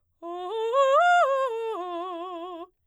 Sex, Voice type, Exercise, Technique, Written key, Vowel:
female, soprano, arpeggios, fast/articulated piano, F major, o